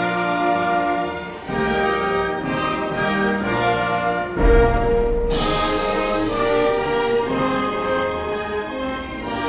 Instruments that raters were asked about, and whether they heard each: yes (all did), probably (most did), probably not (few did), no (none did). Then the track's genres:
trombone: yes
trumpet: probably
guitar: no
Classical